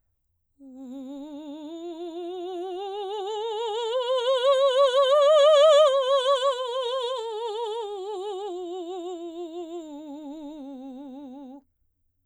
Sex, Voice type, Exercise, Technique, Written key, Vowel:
female, soprano, scales, slow/legato forte, C major, u